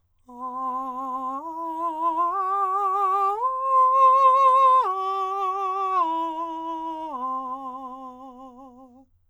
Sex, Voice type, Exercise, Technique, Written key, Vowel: male, countertenor, arpeggios, vibrato, , a